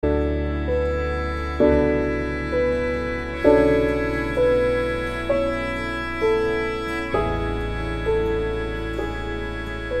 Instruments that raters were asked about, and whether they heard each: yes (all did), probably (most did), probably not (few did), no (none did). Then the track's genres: ukulele: no
violin: yes
guitar: no
Pop; Folk